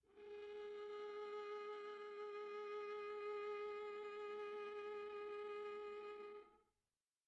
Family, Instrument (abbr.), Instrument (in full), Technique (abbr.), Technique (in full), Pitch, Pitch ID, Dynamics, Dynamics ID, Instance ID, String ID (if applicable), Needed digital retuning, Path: Strings, Va, Viola, ord, ordinario, G#4, 68, pp, 0, 3, 4, TRUE, Strings/Viola/ordinario/Va-ord-G#4-pp-4c-T10u.wav